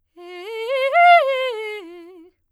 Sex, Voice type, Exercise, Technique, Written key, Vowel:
female, soprano, arpeggios, fast/articulated forte, F major, e